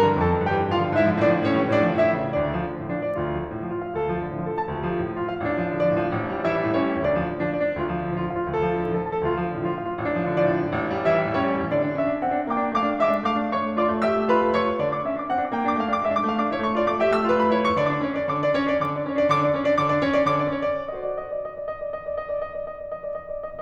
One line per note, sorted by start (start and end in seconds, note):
0.00 0.20 G2
0.00 0.20 A#4
0.00 0.20 A#5
0.09 0.34 D3
0.09 0.34 E3
0.20 0.49 F2
0.20 0.49 A4
0.20 0.49 A5
0.35 0.60 D3
0.35 0.60 E3
0.49 0.73 G2
0.49 0.73 G4
0.49 0.73 G5
0.60 0.84 D3
0.60 0.84 E3
0.73 0.96 A2
0.73 0.96 F4
0.73 0.96 F5
0.84 1.14 D3
0.84 1.14 F3
0.98 1.25 G#2
0.98 1.25 E4
0.98 1.25 E5
1.14 1.38 D3
1.14 1.38 F3
1.27 1.49 A2
1.27 1.49 D4
1.27 1.49 D5
1.38 1.60 D3
1.38 1.60 F3
1.49 1.75 A2
1.49 1.75 C#4
1.49 1.75 C#5
1.61 1.89 E3
1.61 1.89 G3
1.75 2.03 A2
1.75 2.03 D4
1.75 2.03 D5
1.89 2.17 D3
1.89 2.17 F3
2.04 2.31 A2
2.04 2.31 E4
2.04 2.31 E5
2.17 2.46 C#3
2.17 2.46 E3
2.32 2.60 D2
2.32 2.60 D4
2.32 2.60 D5
2.46 2.72 F3
2.61 2.83 D3
2.73 3.02 F3
2.83 3.18 A2
2.83 3.18 D4
3.04 3.18 F3
3.04 3.32 D5
3.18 3.41 D2
3.18 3.41 F4
3.33 3.55 F3
3.41 3.68 D3
3.55 3.81 F3
3.69 3.96 A2
3.69 3.96 F4
3.81 3.97 F3
3.81 4.12 F5
3.97 4.25 D2
3.97 4.25 A4
4.13 4.38 F3
4.25 4.48 D3
4.39 4.54 F3
4.48 4.67 A2
4.48 4.67 A4
4.54 4.68 F3
4.54 4.78 A5
4.68 4.90 D2
4.68 4.90 F4
4.78 5.03 F3
4.90 5.15 D3
5.03 5.31 F3
5.15 5.46 A2
5.15 5.46 F4
5.32 5.46 F3
5.32 5.61 F5
5.46 5.72 A1
5.46 6.46 D4
5.62 5.84 F3
5.72 5.97 D3
5.72 6.46 D5
5.85 6.14 F3
5.98 6.25 A2
6.14 6.26 F3
6.26 6.46 A1
6.36 6.58 G3
6.47 6.71 E3
6.47 6.71 E4
6.47 6.71 E5
6.59 6.88 G3
6.71 7.04 A2
6.71 7.04 C#4
6.71 7.04 C#5
6.90 7.17 G3
7.04 7.31 D2
7.04 7.31 D4
7.04 7.31 D5
7.19 7.44 F3
7.33 7.58 D3
7.44 7.72 F3
7.44 7.72 D4
7.58 7.84 A2
7.58 7.84 D5
7.72 7.85 F3
7.72 7.93 D4
7.85 8.03 D2
7.85 8.03 F4
7.94 8.21 F3
8.03 8.31 D3
8.22 8.43 F3
8.22 8.43 F4
8.31 8.57 A2
8.31 8.57 F5
8.44 8.58 F3
8.44 8.64 F4
8.58 8.75 D2
8.58 8.75 A4
8.64 8.88 F3
8.77 9.02 D3
8.88 9.13 F3
8.88 9.13 A4
9.03 9.25 A2
9.03 9.25 A5
9.14 9.25 F3
9.14 9.37 A4
9.25 9.50 D2
9.25 9.50 F4
9.38 9.60 F3
9.50 9.74 D3
9.60 9.89 F3
9.60 9.89 F4
9.75 10.03 A2
9.75 10.03 F5
9.89 10.03 F3
9.89 10.15 F4
10.03 10.22 A1
10.03 11.08 D4
10.15 10.34 F3
10.23 10.48 D3
10.23 11.08 D5
10.34 10.62 F3
10.48 10.77 A2
10.63 10.77 F3
10.77 11.08 A1
10.95 11.22 G3
11.09 11.35 E3
11.09 11.35 E4
11.09 11.35 E5
11.22 11.53 G3
11.37 11.67 A2
11.37 11.67 C#4
11.37 11.67 C#5
11.53 11.82 G3
11.68 11.95 D3
11.68 11.95 D4
11.68 11.95 D5
11.83 12.07 D4
11.95 12.21 C#4
11.95 12.21 E5
12.09 12.35 D4
12.21 12.45 C4
12.21 12.45 F#5
12.35 12.61 D4
12.46 12.75 A#3
12.46 12.75 G5
12.61 12.91 D4
12.76 13.03 A3
12.76 13.03 F5
12.76 13.03 D6
12.91 13.18 D4
13.04 13.26 G#3
13.04 13.26 E5
13.04 13.26 D6
13.19 13.37 D4
13.26 13.51 A3
13.26 13.51 F5
13.26 13.51 D6
13.39 13.65 D4
13.51 13.79 E4
13.51 13.79 C#5
13.51 13.79 C#6
13.66 13.96 A3
13.82 14.04 F4
13.82 14.04 D5
13.82 14.04 D6
13.96 14.16 A3
14.05 14.28 G4
14.05 14.28 E5
14.05 14.28 E6
14.16 14.42 A3
14.29 14.57 F4
14.29 14.57 B4
14.29 14.57 B5
14.43 14.69 A3
14.57 14.80 E4
14.57 14.80 C#5
14.57 14.80 C#6
14.70 14.94 A3
14.80 15.06 D3
14.80 15.06 D5
14.95 15.20 D4
14.95 15.20 D6
15.06 15.28 C#4
15.06 15.28 E5
15.20 15.38 D4
15.20 15.38 D6
15.28 15.50 C4
15.28 15.50 F#5
15.38 15.63 D4
15.38 15.63 D6
15.51 15.75 A#3
15.51 15.75 G5
15.64 15.89 D4
15.64 15.89 D6
15.75 16.03 A3
15.75 16.03 F5
15.91 16.16 D4
15.91 16.16 D6
16.03 16.29 G#3
16.03 16.29 E5
16.17 16.44 D4
16.17 16.44 D6
16.30 16.54 A3
16.30 16.54 F5
16.44 16.61 D4
16.44 16.61 D6
16.54 16.74 E4
16.54 16.74 C#5
16.61 16.86 A3
16.61 16.86 C#6
16.75 17.00 F4
16.75 17.00 D5
16.87 17.15 A3
16.87 17.15 D6
17.00 17.28 G4
17.00 17.28 E5
17.16 17.38 A3
17.16 17.38 E6
17.28 17.53 F4
17.28 17.53 B4
17.39 17.71 A3
17.39 17.71 B5
17.54 17.80 E4
17.54 17.80 C#5
17.71 17.89 A3
17.71 17.89 C#6
17.81 18.00 D3
17.81 18.00 D5
17.89 18.13 D4
17.89 18.13 D6
18.01 18.25 C#4
18.01 18.25 C#5
18.15 18.36 D4
18.25 18.51 D3
18.25 18.36 D5
18.36 18.67 D4
18.36 18.67 D6
18.51 18.81 C#4
18.51 18.81 C#5
18.69 18.92 D4
18.82 19.08 D3
18.82 18.92 D5
18.92 19.17 D4
18.92 19.17 D6
19.09 19.25 C#4
19.09 19.25 C#5
19.17 19.32 D4
19.25 19.46 D3
19.25 19.32 D5
19.33 19.62 D4
19.33 19.62 D6
19.46 19.74 C#4
19.46 19.74 C#5
19.63 19.83 D4
19.74 19.91 D3
19.74 19.83 D5
19.83 20.04 D4
19.83 20.04 D6
19.92 20.20 C#4
19.92 20.20 C#5
20.04 20.36 D4
20.21 20.49 D3
20.21 20.36 D5
20.36 20.65 D4
20.36 20.65 D6
20.50 20.86 C#4
20.50 20.86 C#5
20.67 21.01 D4
20.67 21.01 D5
20.86 21.19 F#4
20.86 21.19 A4
20.86 21.19 C5
20.86 21.19 D#5
21.01 21.35 D5
21.20 21.44 D#5
21.36 21.58 D5
21.44 21.72 D#5
21.59 21.85 D5
21.73 22.01 D#5
21.85 22.18 D5
22.01 22.34 D#5
22.18 22.47 D5
22.34 22.56 D#5
22.48 22.67 D5
22.57 22.83 D#5
22.69 22.93 D5
22.84 23.07 D#5
22.94 23.16 D5
23.08 23.30 D#5
23.16 23.30 D5
23.30 23.60 D5
23.30 23.43 D#5
23.44 23.60 D#5